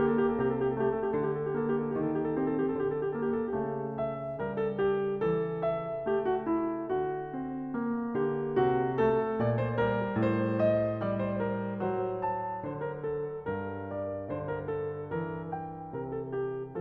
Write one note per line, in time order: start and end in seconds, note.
0.00 0.91 A#3
0.00 0.28 G4
0.28 0.43 A4
0.43 0.52 G4
0.51 1.20 C3
0.51 0.77 A4
0.77 0.84 G4
0.84 0.94 A4
0.91 1.45 A3
0.91 1.09 G4
1.09 1.17 A4
1.17 1.92 D3
1.17 1.28 G4
1.28 1.35 A4
1.35 1.45 G4
1.45 2.38 A#3
1.45 1.71 A4
1.71 1.81 G4
1.81 1.97 A4
1.92 2.77 D#3
1.97 2.05 G4
2.05 2.33 A4
2.33 2.59 G4
2.38 3.18 C4
2.59 2.66 A4
2.66 2.76 G4
2.76 3.53 D3
2.76 2.88 A4
2.88 3.02 G4
3.02 3.19 A4
3.18 3.53 A#3
3.18 3.30 G4
3.30 3.40 A4
3.40 4.02 G4
3.53 6.85 C#3
3.53 4.48 A3
4.02 4.48 E5
4.48 5.24 G3
4.48 4.63 A#4
4.63 4.79 A4
4.79 5.24 G4
5.24 6.07 E3
5.24 5.78 A4
5.78 6.07 E5
6.07 7.45 A3
6.07 6.28 G4
6.28 6.49 F#4
6.49 6.85 E4
6.85 8.16 D3
6.85 8.16 F#4
7.45 7.73 C4
7.73 9.06 A#3
8.16 8.63 D3
8.16 8.63 G4
8.63 9.39 C3
8.63 9.06 F#4
9.06 9.79 A3
9.06 9.39 A4
9.39 10.19 A#2
9.39 9.68 D5
9.68 9.79 C5
9.79 11.08 G3
9.79 10.19 A#4
10.19 12.69 A2
10.19 10.68 C5
10.68 11.08 D#5
11.08 11.92 G3
11.08 11.23 D5
11.23 11.39 C5
11.39 11.92 A#4
11.92 13.41 F#3
11.92 12.34 C5
12.34 12.69 A5
12.69 13.41 D3
12.69 12.85 C5
12.85 13.03 A#4
13.03 13.41 A4
13.41 15.93 G2
13.41 13.85 A#4
13.85 14.38 D5
14.38 15.16 D3
14.38 14.48 C5
14.48 14.70 A#4
14.70 15.16 A4
15.16 16.81 E3
15.16 15.59 A#4
15.59 15.93 G5
15.93 16.81 C3
15.93 16.15 A#4
16.15 16.32 A4
16.32 16.81 G4